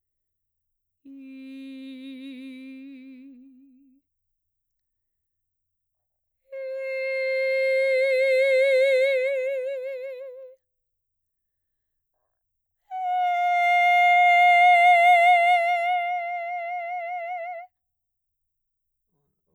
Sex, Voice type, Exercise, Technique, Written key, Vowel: female, mezzo-soprano, long tones, messa di voce, , i